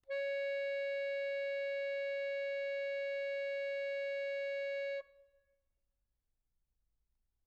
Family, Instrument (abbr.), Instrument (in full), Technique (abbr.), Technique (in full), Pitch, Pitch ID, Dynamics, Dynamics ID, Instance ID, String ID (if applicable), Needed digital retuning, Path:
Keyboards, Acc, Accordion, ord, ordinario, C#5, 73, mf, 2, 0, , FALSE, Keyboards/Accordion/ordinario/Acc-ord-C#5-mf-N-N.wav